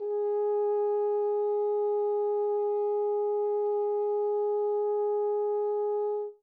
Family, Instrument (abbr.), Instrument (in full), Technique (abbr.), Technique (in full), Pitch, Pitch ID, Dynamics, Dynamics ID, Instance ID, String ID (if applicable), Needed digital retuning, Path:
Brass, Hn, French Horn, ord, ordinario, G#4, 68, mf, 2, 0, , FALSE, Brass/Horn/ordinario/Hn-ord-G#4-mf-N-N.wav